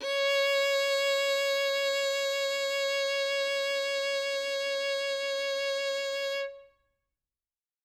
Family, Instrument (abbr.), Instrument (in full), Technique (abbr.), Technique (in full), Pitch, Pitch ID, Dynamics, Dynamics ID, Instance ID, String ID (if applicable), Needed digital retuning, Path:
Strings, Vn, Violin, ord, ordinario, C#5, 73, ff, 4, 1, 2, FALSE, Strings/Violin/ordinario/Vn-ord-C#5-ff-2c-N.wav